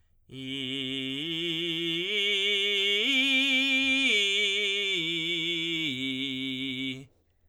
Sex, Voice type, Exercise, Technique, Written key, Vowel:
male, tenor, arpeggios, belt, , i